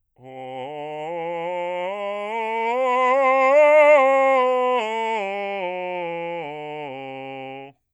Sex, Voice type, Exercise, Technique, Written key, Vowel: male, bass, scales, slow/legato forte, C major, o